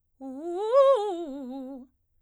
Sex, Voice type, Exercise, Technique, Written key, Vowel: female, soprano, arpeggios, fast/articulated piano, C major, u